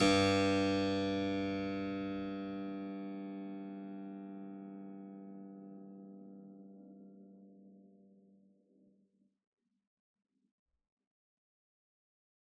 <region> pitch_keycenter=43 lokey=43 hikey=43 volume=1.784599 trigger=attack ampeg_attack=0.004000 ampeg_release=0.400000 amp_veltrack=0 sample=Chordophones/Zithers/Harpsichord, Unk/Sustains/Harpsi4_Sus_Main_G1_rr1.wav